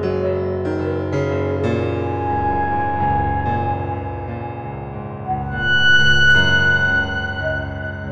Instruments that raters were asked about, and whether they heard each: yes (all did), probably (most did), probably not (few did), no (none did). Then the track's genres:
violin: no
clarinet: probably not
piano: yes
Experimental; Ambient